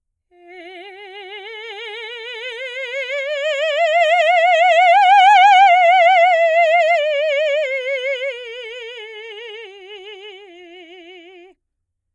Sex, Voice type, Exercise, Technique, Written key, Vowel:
female, soprano, scales, slow/legato forte, F major, e